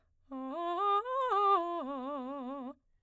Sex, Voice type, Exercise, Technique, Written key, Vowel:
female, soprano, arpeggios, fast/articulated piano, C major, a